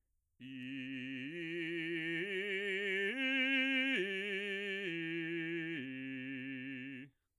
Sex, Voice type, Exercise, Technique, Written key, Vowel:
male, bass, arpeggios, slow/legato forte, C major, i